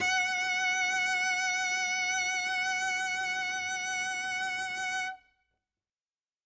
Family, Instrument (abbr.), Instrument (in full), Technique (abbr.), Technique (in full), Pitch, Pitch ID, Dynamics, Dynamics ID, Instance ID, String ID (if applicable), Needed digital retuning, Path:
Strings, Vc, Cello, ord, ordinario, F#5, 78, ff, 4, 0, 1, TRUE, Strings/Violoncello/ordinario/Vc-ord-F#5-ff-1c-T33u.wav